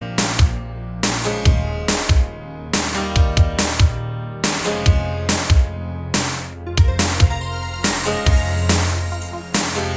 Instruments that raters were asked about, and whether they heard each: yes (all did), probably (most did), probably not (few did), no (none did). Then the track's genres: cymbals: probably
Electronic; Experimental; Ambient; Instrumental